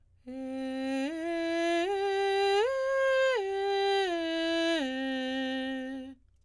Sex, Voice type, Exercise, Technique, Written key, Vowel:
female, soprano, arpeggios, straight tone, , e